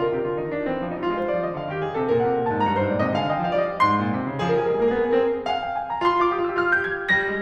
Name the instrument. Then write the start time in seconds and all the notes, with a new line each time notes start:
piano
0.00 D3 F4 A#4
0.10 C3 G4
0.26 D3 F4
0.39 D#3 D#4
0.52 F3 D4
0.70 E3 C4
0.86 F3 D4
0.99 G3 D#4
1.08 G#3 F4
1.18 G3 C5
1.35 F3 D5
1.47 D#3 D#5
1.60 D3 F5
1.72 D#3 G4
1.83 D3 G#4
1.94 C3 A4
2.14 A#2 A#4
2.30 C3 G5
2.41 A#2 G#5
2.52 G#2 A5
2.66 G2 A#5
2.80 G#2 C5
2.95 A#2 D5
3.04 C3 D#5
3.18 D3 F5 G#5
3.29 D#3 D#5 G5
3.45 F3 D5 F5
3.63 G3 D#5
3.84 G#2 C6
3.96 A#2
4.12 C3
4.26 C#3
4.41 D#3 G#4
4.46 A#4
4.52 F3 G#4
4.60 A#4
4.64 G3 G#4
4.70 A#4
4.76 G#3 G#4
4.81 A#4
4.85 A#3 G#4
4.96 A#4
5.00 B3 G#4
5.07 A#4
5.15 C4 G#4
5.21 A#4
5.26 G#4
5.43 A#4
5.49 F5 G#5
5.65 G5
5.78 G#5
5.91 A#5
6.01 F4 C6
6.08 G4
6.14 F4 D6
6.19 G4
6.23 F4 D#6
6.32 F4 G4 E6
6.40 G4
6.47 F4 F6
6.51 G4
6.57 F4 G6
6.63 G4
6.70 F4 G#6
6.76 G4
6.87 F4
6.97 G4
7.06 G3 A#6
7.27 G#3